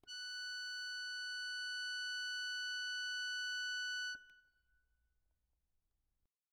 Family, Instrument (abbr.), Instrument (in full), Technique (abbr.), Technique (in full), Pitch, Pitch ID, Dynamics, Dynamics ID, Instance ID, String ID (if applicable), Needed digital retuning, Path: Keyboards, Acc, Accordion, ord, ordinario, F#6, 90, ff, 4, 2, , FALSE, Keyboards/Accordion/ordinario/Acc-ord-F#6-ff-alt2-N.wav